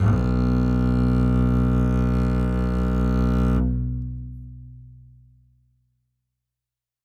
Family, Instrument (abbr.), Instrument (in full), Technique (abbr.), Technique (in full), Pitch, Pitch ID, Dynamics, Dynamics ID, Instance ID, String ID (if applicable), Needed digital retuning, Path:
Strings, Cb, Contrabass, ord, ordinario, B1, 35, ff, 4, 2, 3, FALSE, Strings/Contrabass/ordinario/Cb-ord-B1-ff-3c-N.wav